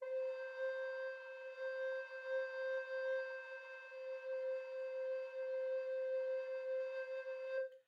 <region> pitch_keycenter=72 lokey=72 hikey=73 volume=17.688264 offset=493 ampeg_attack=0.004000 ampeg_release=0.300000 sample=Aerophones/Edge-blown Aerophones/Baroque Tenor Recorder/Sustain/TenRecorder_Sus_C4_rr1_Main.wav